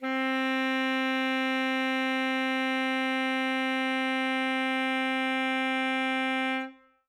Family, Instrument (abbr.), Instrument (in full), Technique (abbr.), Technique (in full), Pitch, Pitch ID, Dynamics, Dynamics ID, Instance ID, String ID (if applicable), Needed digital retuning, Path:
Winds, ASax, Alto Saxophone, ord, ordinario, C4, 60, ff, 4, 0, , FALSE, Winds/Sax_Alto/ordinario/ASax-ord-C4-ff-N-N.wav